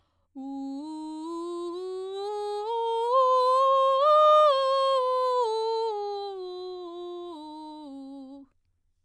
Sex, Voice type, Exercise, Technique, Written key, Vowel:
female, soprano, scales, belt, , u